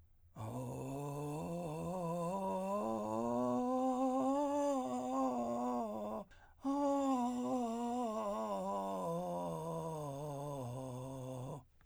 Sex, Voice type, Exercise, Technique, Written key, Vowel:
male, , scales, vocal fry, , o